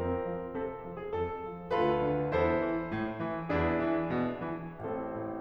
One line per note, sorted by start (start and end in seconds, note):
0.00 0.24 F2
0.00 1.80 C4
0.00 1.80 F4
0.00 0.55 A#4
0.26 0.55 F3
0.56 0.82 C3
0.56 0.96 A4
0.84 1.13 F3
0.99 1.13 G#4
1.15 1.47 F2
1.15 1.80 A4
1.50 1.80 F3
1.81 2.11 D2
1.81 2.40 F4
1.81 2.40 A4
1.81 2.40 B4
2.11 2.40 D3
2.41 2.69 E2
2.41 3.47 E4
2.41 3.47 A4
2.41 3.47 C5
2.71 2.91 E3
2.93 3.19 A2
3.20 3.47 E3
3.48 3.80 E2
3.48 4.77 D4
3.48 4.77 E4
3.48 4.77 G#4
3.81 4.12 E3
4.13 4.46 B2
4.48 4.77 E3
4.78 5.07 A1
4.78 5.40 C4
4.78 5.40 E4
4.78 5.40 A4
5.10 5.40 A2